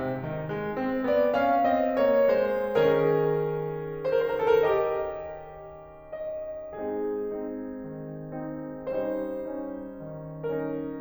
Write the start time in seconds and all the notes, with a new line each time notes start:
0.00 C3
0.23 D#3
0.52 G#3
0.80 C4
1.08 B3 D5
1.35 C#4 F5
1.68 C4 D#5
1.99 A#3 C#5
2.29 G#3 C5
2.84 C#3 C#4 G#4 A#4
4.02 A#4
4.13 C5
4.33 A4
4.45 A#4
4.66 G4 D#5
6.15 D#5
6.76 G#3 C4 D#4 G#4
7.31 C4 D#4
7.73 D#3
8.30 C4 D#4
8.89 G3 C#4 D#4 C5
9.82 C#4 D#4
10.16 D#3
10.59 C#4 D#4 A#4